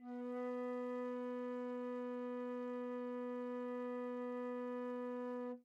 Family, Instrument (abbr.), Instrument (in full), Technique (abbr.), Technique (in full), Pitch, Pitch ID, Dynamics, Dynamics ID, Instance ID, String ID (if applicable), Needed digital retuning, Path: Winds, Fl, Flute, ord, ordinario, B3, 59, mf, 2, 0, , FALSE, Winds/Flute/ordinario/Fl-ord-B3-mf-N-N.wav